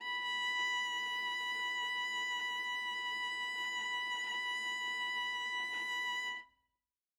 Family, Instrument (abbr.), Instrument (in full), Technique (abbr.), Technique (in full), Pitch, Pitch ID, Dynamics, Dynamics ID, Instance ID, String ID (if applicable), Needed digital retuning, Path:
Strings, Va, Viola, ord, ordinario, B5, 83, ff, 4, 1, 2, FALSE, Strings/Viola/ordinario/Va-ord-B5-ff-2c-N.wav